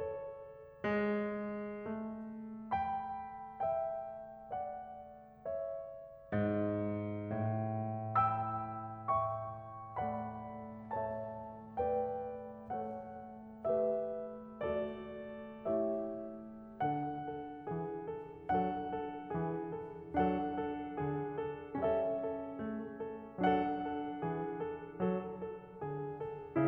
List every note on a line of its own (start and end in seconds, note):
0.01 1.85 A4
0.01 1.85 C#5
0.91 1.85 G#3
1.86 5.47 A3
2.75 3.63 G5
2.75 3.63 B5
3.64 4.51 E5
3.64 4.51 G5
4.53 5.47 D5
4.53 5.47 F#5
5.49 7.32 C#5
5.49 7.32 E5
6.31 7.32 G#2
7.33 13.64 A2
8.17 9.08 G5
8.17 9.08 B5
8.17 9.08 E6
9.10 9.97 E5
9.10 9.97 G5
9.10 9.97 C#6
9.98 10.93 A3
9.98 10.93 D5
9.98 10.93 F#5
9.98 10.93 B5
10.94 11.77 A3
10.94 11.77 C#5
10.94 11.77 E5
10.94 11.77 A5
11.78 12.75 A3
11.78 12.75 B4
11.78 12.75 D5
11.78 12.75 G5
12.79 13.64 A3
12.79 13.64 A4
12.79 13.64 C#5
12.79 13.64 F#5
13.67 14.61 A3
13.67 14.61 G4
13.67 14.61 B4
13.67 14.61 E5
14.66 15.66 A3
14.66 15.66 F#4
14.66 15.66 A4
14.66 15.66 D5
15.67 16.92 A3
15.67 16.92 E4
15.67 16.92 G4
15.67 16.92 C#5
15.67 16.92 E5
16.98 17.32 D3
16.98 18.51 D4
16.98 17.32 A4
16.98 18.51 F#5
17.33 17.66 A4
17.70 18.05 E3
17.70 18.05 G#4
18.07 18.51 A4
18.52 19.05 F#3
18.52 20.13 D4
18.52 19.05 A4
18.52 20.13 F#5
19.06 19.30 A4
19.31 19.70 E3
19.31 19.70 G#4
19.71 20.13 A4
20.14 20.59 F#3
20.14 21.80 D4
20.14 20.59 A4
20.14 21.80 F#5
20.60 20.97 A4
21.16 21.47 D3
21.16 21.47 G#4
21.48 21.80 A4
21.81 22.18 G3
21.81 23.42 C#4
21.81 22.18 A4
21.81 23.42 E5
22.19 22.52 A4
22.53 23.03 A3
22.53 23.03 G#4
23.04 23.42 A4
23.43 23.77 F#3
23.43 26.58 D4
23.43 23.77 A4
23.43 26.58 F#5
23.78 24.24 A4
24.26 24.55 E3
24.26 24.55 G#4
24.57 24.97 A4
24.99 25.49 F#3
24.99 25.49 A4
25.50 25.84 A4
25.85 26.31 D3
25.85 26.31 G#4
26.33 26.58 A4